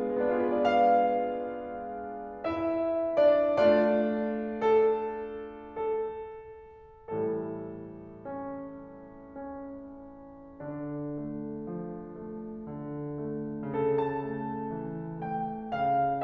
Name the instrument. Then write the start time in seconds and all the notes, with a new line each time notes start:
piano
0.02 G#3
0.10 B3
0.18 D4
0.29 F4
0.39 G#4
0.49 B4
0.59 D5
0.73 F5
2.46 E4 E5
3.23 D4 D5
3.59 A3 D4 F4 D5
4.68 A4
5.67 A4
7.14 A2 E3 G3 A4
8.25 C#4
9.24 C#4
10.62 D3 D4
11.35 A3
11.80 F3
12.25 A3
12.70 D3
13.27 A3
13.74 C#3 A4
14.05 A5
14.37 A3
14.85 E3
15.26 A3 G5
15.76 C#3 F5